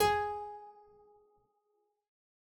<region> pitch_keycenter=68 lokey=68 hikey=69 volume=1.961144 trigger=attack ampeg_attack=0.004000 ampeg_release=0.350000 amp_veltrack=0 sample=Chordophones/Zithers/Harpsichord, English/Sustains/Lute/ZuckermannKitHarpsi_Lute_Sus_G#3_rr1.wav